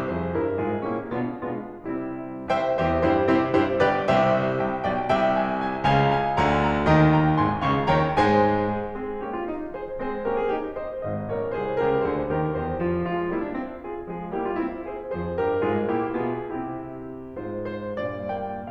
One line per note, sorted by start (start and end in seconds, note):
0.00 0.28 F2
0.00 0.28 F3
0.00 0.28 G#4
0.00 0.28 C5
0.29 0.51 G2
0.29 0.51 G3
0.29 0.51 E4
0.29 0.51 A#4
0.52 0.85 G#2
0.52 0.85 G#3
0.52 0.85 F4
0.52 0.85 G#4
0.85 1.15 A#2
0.85 1.15 A#3
0.85 1.15 C#4
0.85 1.15 E4
0.85 1.15 G4
1.15 1.43 B2
1.15 1.43 G#3
1.15 1.43 B3
1.15 1.43 D4
1.15 1.43 F4
1.46 1.74 B2
1.46 1.74 G#3
1.46 1.74 B3
1.46 1.74 D4
1.46 1.74 F4
1.74 2.47 C3
1.74 2.47 G3
1.74 2.47 C4
1.74 2.47 E4
2.48 2.74 C2
2.48 2.74 C3
2.48 2.74 C5
2.48 2.74 E5
2.48 2.74 G5
2.74 3.01 E2
2.74 3.01 E3
2.74 3.01 G4
2.74 3.01 C5
2.74 3.01 E5
3.02 3.25 G2
3.02 3.25 G3
3.02 3.25 E4
3.02 3.25 G4
3.02 3.25 C5
3.26 3.55 C3
3.26 3.55 C4
3.26 3.55 E4
3.26 3.55 G4
3.26 3.55 C5
3.55 3.81 G2
3.55 3.81 G3
3.55 3.81 E4
3.55 3.81 G4
3.55 3.81 C5
3.81 4.02 G1
3.81 4.02 G2
3.81 4.02 G4
3.81 4.02 B4
3.81 4.02 D5
4.02 4.49 C2
4.02 4.49 C3
4.02 4.49 G4
4.02 4.49 C5
4.02 4.49 E5
4.49 4.78 C2
4.49 4.78 C3
4.49 4.78 E5
4.49 4.78 G5
4.79 4.99 B1
4.79 4.99 B2
4.79 4.99 D5
4.79 4.99 G5
5.00 5.84 C2
5.00 5.84 C3
5.00 5.84 E5
5.00 5.22 G5
5.22 5.45 G#5
5.45 5.84 G#5
5.84 6.43 C#2
5.84 6.43 C#3
5.84 6.43 F5
5.84 6.20 G#5
6.20 6.43 G#5
6.43 6.91 D2
6.43 6.91 D3
6.43 6.91 F5
6.43 6.91 G#5
6.43 6.68 A#5
6.69 6.91 A#5
6.92 7.38 D#2
6.92 7.38 D#3
6.92 7.66 D#5
6.92 7.16 G5
6.92 7.16 A#5
7.16 7.38 G5
7.16 7.38 A#5
7.38 7.66 G#1
7.38 7.66 G#2
7.38 7.66 G#5
7.38 7.66 C6
7.66 7.94 C#2
7.66 7.94 C#3
7.66 7.94 F5
7.66 7.94 A#5
7.66 7.94 C#6
7.94 8.17 D#2
7.94 8.17 D#3
7.94 8.17 C#5
7.94 8.17 G5
7.94 8.17 A#5
8.17 8.77 G#2
8.17 8.77 G#3
8.17 8.77 C5
8.17 8.77 G#5
8.78 9.01 G#4
9.01 9.21 G#3
9.01 9.21 C4
9.01 9.21 G#4
9.21 9.45 A#3
9.21 9.45 C#4
9.21 9.33 G4
9.33 9.45 F4
9.45 9.73 D#4
9.73 10.00 G#4
9.73 10.00 C5
10.00 10.26 G#3
10.00 10.26 C4
10.00 10.26 G#4
10.00 10.26 C5
10.26 10.53 A#3
10.26 10.53 C#4
10.26 10.41 G4
10.26 10.41 A#4
10.41 10.53 F4
10.41 10.53 G#4
10.54 10.74 D#4
10.54 10.74 G4
10.74 10.99 C5
10.74 10.99 D#5
10.99 11.31 G#1
10.99 11.31 G#2
10.99 11.31 C5
10.99 11.31 D#5
11.31 11.59 A#1
11.31 11.59 A#2
11.31 11.59 A#4
11.31 11.59 C#5
11.59 11.80 C2
11.59 11.80 C3
11.59 11.80 G#4
11.59 11.80 C5
11.80 12.04 C#2
11.80 12.04 C#3
11.80 12.04 G4
11.80 12.04 A#4
12.04 12.31 D2
12.04 12.31 D3
12.04 12.31 G#4
12.04 12.31 C5
12.32 12.63 D#2
12.32 12.63 D#3
12.32 12.63 G4
12.32 12.63 A#4
12.63 12.86 E2
12.63 12.86 E3
12.63 12.86 G4
12.63 12.86 C5
12.86 13.08 F4
13.08 13.31 F3
13.08 13.31 G#3
13.08 13.31 F4
13.31 13.54 G3
13.31 13.54 A#3
13.31 13.44 E4
13.44 13.54 D4
13.54 13.84 C4
13.84 14.06 F4
13.84 14.06 G#4
14.06 14.29 F3
14.06 14.29 G#3
14.06 14.29 F4
14.06 14.29 G#4
14.29 14.57 G3
14.29 14.57 A#3
14.29 14.41 E4
14.29 14.41 G4
14.41 14.57 D4
14.41 14.57 F4
14.57 14.83 C4
14.57 14.83 E4
14.83 15.12 G#4
14.83 15.12 C5
15.12 15.38 F2
15.12 15.38 F3
15.12 15.38 G#4
15.12 15.38 C5
15.38 15.63 G2
15.38 15.63 G3
15.38 15.63 G4
15.38 15.63 A#4
15.63 15.86 G#2
15.63 15.86 G#3
15.63 15.86 F4
15.63 15.86 G#4
15.86 16.14 A#2
15.86 16.14 A#3
15.86 16.14 E4
15.86 16.14 G4
16.14 16.57 B2
16.14 16.57 B3
16.14 16.57 F4
16.14 16.57 G#4
16.57 17.43 C3
16.57 17.43 C4
16.57 17.43 E4
16.57 17.43 G4
17.43 17.95 G#2
17.43 17.95 G#3
17.43 17.95 F4
17.43 17.71 C5
17.71 17.95 C5
17.95 18.72 G2
17.95 18.30 A#2
17.95 18.30 D5
18.30 18.72 A#3
18.30 18.72 G5